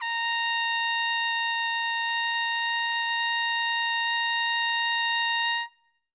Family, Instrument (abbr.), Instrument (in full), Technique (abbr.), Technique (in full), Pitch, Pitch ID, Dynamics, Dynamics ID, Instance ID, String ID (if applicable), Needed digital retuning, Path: Brass, TpC, Trumpet in C, ord, ordinario, A#5, 82, ff, 4, 0, , FALSE, Brass/Trumpet_C/ordinario/TpC-ord-A#5-ff-N-N.wav